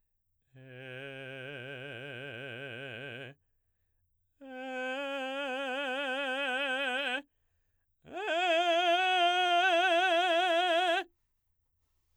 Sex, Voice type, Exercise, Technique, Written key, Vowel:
male, baritone, long tones, trill (upper semitone), , e